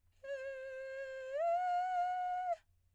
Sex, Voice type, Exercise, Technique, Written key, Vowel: female, soprano, long tones, inhaled singing, , e